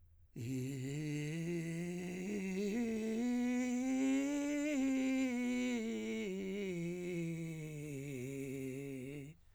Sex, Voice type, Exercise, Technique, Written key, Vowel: male, , scales, vocal fry, , i